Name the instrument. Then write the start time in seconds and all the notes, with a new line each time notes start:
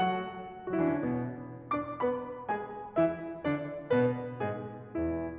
piano
0.00 F#3 F#4 F#5
0.73 F#3 F#4
0.79 E3 E4
0.84 D3 D4
0.89 C#3 C#4
0.95 B2 B3
1.73 D4 D5 D6
1.99 B3 B4 B5
2.46 G#3 G#4 G#5
3.01 E3 E4 E5
3.48 D3 D4 D5
3.92 B2 B3 B4
4.42 G#2 G#3 G#4
4.93 E2 E3 E4